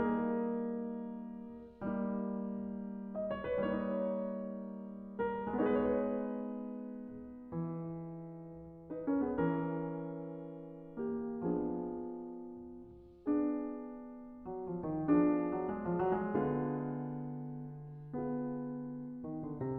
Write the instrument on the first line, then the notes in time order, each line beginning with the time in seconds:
piano
0.00 G3 A#3 D#4 A#4
2.12 G3 A#3 D#4
3.11 D#5
3.31 C#5
3.51 B4
3.74 C#5
3.83 G3 A#3 D#4
5.18 A#4
5.61 D#4 G#4 B4
5.65 G#3 B3
7.53 E3
8.85 D#4 B4
9.08 C#4 A#4
9.21 B3 G#4
9.37 C#4 A#4
9.45 E3
10.98 A#3 G4
11.42 B3 D4 G#4
11.53 F3
13.32 B3 D4 G#4
14.48 F#3
14.68 F3
14.90 D#3
15.08 B3 D4 G#4
15.14 F3
15.56 F#3
15.70 G#3
15.86 F3
16.01 F#3
16.16 G#3
16.32 D3 B3 F4 G#4
18.17 B3 F4 G#4
19.24 D#3
19.44 D3
19.63 C3